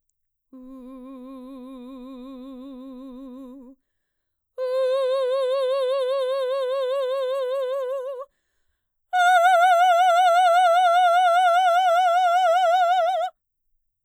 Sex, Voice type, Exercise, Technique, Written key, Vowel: female, mezzo-soprano, long tones, full voice forte, , u